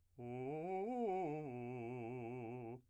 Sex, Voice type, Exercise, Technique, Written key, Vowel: male, , arpeggios, fast/articulated piano, C major, u